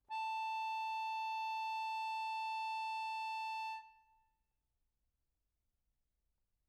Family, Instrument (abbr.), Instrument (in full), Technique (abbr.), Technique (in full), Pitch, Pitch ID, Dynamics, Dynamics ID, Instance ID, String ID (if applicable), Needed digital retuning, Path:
Keyboards, Acc, Accordion, ord, ordinario, A5, 81, mf, 2, 4, , FALSE, Keyboards/Accordion/ordinario/Acc-ord-A5-mf-alt4-N.wav